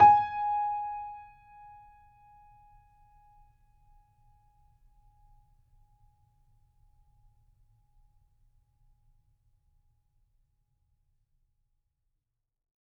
<region> pitch_keycenter=80 lokey=80 hikey=81 volume=-1.077833 lovel=66 hivel=99 locc64=0 hicc64=64 ampeg_attack=0.004000 ampeg_release=0.400000 sample=Chordophones/Zithers/Grand Piano, Steinway B/NoSus/Piano_NoSus_Close_G#5_vl3_rr1.wav